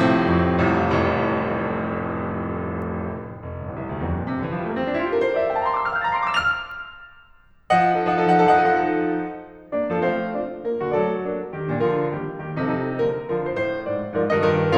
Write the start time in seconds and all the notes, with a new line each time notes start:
0.00 A2 C3
0.35 F2
0.87 A1 C2
1.22 F1
2.97 F1
3.23 G1
3.65 A1
3.72 A#1
3.78 C2
3.88 D2
3.92 E2
4.02 F2
4.10 G2
4.16 A2
4.23 A#2
4.28 C3
4.34 D3
4.41 E3
4.48 F3
4.59 G3
4.69 A3
4.77 A#3
4.82 C4
4.88 D4
4.93 E4
5.00 F4
5.09 G4
5.15 A4
5.22 A#4
5.28 C5 D5
5.38 E5
5.43 F5
5.50 G5
5.60 A5
5.70 A#5
6.11 C6
6.20 D6
6.26 E6
6.32 F4 F6
6.40 G4 G6
6.47 A4 A6
6.54 A#4 A#6
6.59 C5 C7
6.65 D5 D7
6.71 E5 E7
6.77 F5 F7
7.72 F3 D#5 F#5
7.89 D#4 A4
7.96 F3 D#5 F#5
8.03 D#4 A4
8.10 F3 D#5 F#5
8.20 D#4 A4
8.27 F3 D#5 F#5
8.34 D#4 A4
8.42 F3 D#5 F#5
8.49 D#4 A4
8.56 F3 D#5 F#5
8.63 D#4 A4
9.73 A#3 D4 D5
9.91 F3 C4 A4 F5
10.01 A3 C4 A4 F5
10.34 A#3 D4 F4 D5
10.66 G3 A#3 A#4
10.84 D3 A3 F#4 D5
10.94 F#3 A3 A4 D5
11.23 G3 A#3 D4 A#4
11.56 D#3 G3 G4
11.73 A#2 F3 D4 A#4
11.80 D3 F3 F4 A#4
12.11 D#3 G3 A#3 G4
12.41 D#3 G3 A#3 G4
12.57 C3 F3 D#4 A4
12.67 C3 F3 D#4 A4
12.98 D3 F3 A#3 A#4
13.24 D3 F3 F4 A#4
13.44 A2 C5
13.56 A2 F3 F4 C5
13.90 G#2 F3 F4 A#4 D5
14.14 G#2 F3 A#4 D5
14.35 G2 D#3 D#5
14.43 G2 D#3 A#4 D#5